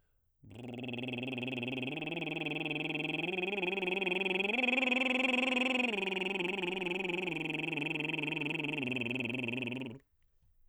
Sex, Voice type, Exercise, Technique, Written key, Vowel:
male, baritone, arpeggios, lip trill, , o